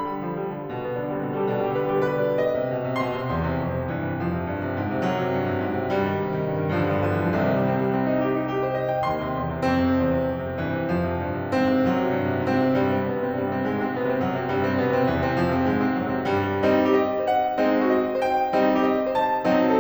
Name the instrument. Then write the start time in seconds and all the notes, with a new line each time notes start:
piano
0.00 D3 B5
0.14 G3
0.28 F3
0.41 G3
0.52 D3
0.58 G3
0.70 B2 G3
0.82 G3 B3
0.98 D3 D4
1.08 G3 B3
1.20 B2 D4
1.34 G3 G4
1.47 B2 D4
1.61 G3 G4
1.75 D3 B4
1.92 G3 G4
2.09 B2 B4
2.24 G3 D5
2.43 D#5
2.59 C3
2.73 B2
2.87 C3
3.02 B2 C6
3.17 C3
3.32 E2
3.46 C3
3.60 F2
3.75 C3
3.90 G2 E3
4.06 C3
4.20 F2 F3
4.37 C3
4.49 G2
4.62 C3
4.78 G#2
4.96 C3
5.11 F#2 F#3
5.26 C3
5.42 G2
5.57 C3
5.69 A2
5.84 C3
5.98 G2 G3
6.11 D#3
6.23 C3
6.35 D#3
6.48 G2
6.59 D#3
6.75 G2 F3
6.82 D3 F3 G3
6.90 G3
6.95 B2 F3 G3
7.05 D3 F3 G3
7.14 G2 F3
7.21 D3 E3 G3
7.29 F3
7.37 C2 C3 D#3
7.50 G3
7.64 C4
7.77 G3
7.93 C4
8.07 D#4
8.22 G4
8.37 D#4
8.52 G4
8.66 C5
8.81 D#5
8.95 G5
9.09 D#2 C6
9.22 C3
9.37 F2
9.50 C3
9.64 G2 C4
9.79 C3
10.01 E2
10.16 C3
10.31 F2
10.44 C3
10.57 G2 E3
10.73 C3
10.89 F2 F3
11.03 C3
11.18 G2
11.34 C3
11.49 G#2 C4
11.68 C3
11.84 F#2 F#3
11.98 C3
12.12 G2
12.28 C3
12.43 A2 C4
12.56 C3
12.72 G2 G3
12.89 C3 C4
13.03 B2 B3
13.18 C3 C4
13.33 G2 G3
13.49 C3 C4
13.65 G#2 G#3
13.80 C3 C4
13.93 B2 B3
14.07 C3 C4
14.23 F#2 F#3
14.37 C3 C4
14.51 G2 G3
14.63 C3 C4
14.76 B2 B3
14.90 C3 C4
15.03 E2 E3
15.22 C3 C4
15.37 F2 F3
15.51 C3 C4
15.69 G#2 G#3
15.84 C3 C4
15.99 F#2 F#3
16.15 C3 C4
16.31 G2 G3
16.61 G3 C4 D#4
16.90 G4
16.97 D#5
17.21 C5
17.30 F#5
17.59 G#3 C4 D#4
17.84 F#4
17.91 D#5
18.15 C5
18.23 G5
18.58 G3 C4 D#4
18.81 G4
18.88 D#5
19.06 C5
19.13 A5
19.46 F#3 C4 D#4
19.71 A4